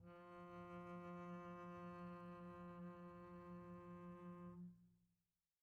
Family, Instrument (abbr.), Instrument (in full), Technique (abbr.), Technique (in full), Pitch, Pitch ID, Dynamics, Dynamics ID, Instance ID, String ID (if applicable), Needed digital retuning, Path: Strings, Cb, Contrabass, ord, ordinario, F3, 53, pp, 0, 1, 2, FALSE, Strings/Contrabass/ordinario/Cb-ord-F3-pp-2c-N.wav